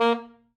<region> pitch_keycenter=58 lokey=58 hikey=60 tune=3 volume=10.473090 lovel=0 hivel=83 ampeg_attack=0.004000 ampeg_release=2.500000 sample=Aerophones/Reed Aerophones/Saxello/Staccato/Saxello_Stcts_MainSpirit_A#2_vl1_rr2.wav